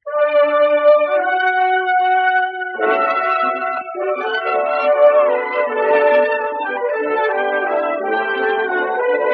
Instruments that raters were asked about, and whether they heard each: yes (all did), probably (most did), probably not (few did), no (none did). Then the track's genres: accordion: yes
clarinet: no
flute: no
Classical; Old-Time / Historic